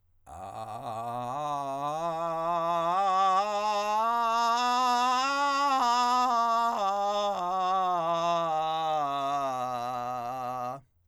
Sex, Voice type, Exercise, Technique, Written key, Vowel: male, countertenor, scales, vocal fry, , a